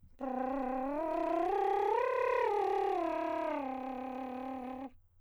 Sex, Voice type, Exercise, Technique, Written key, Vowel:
male, countertenor, arpeggios, lip trill, , o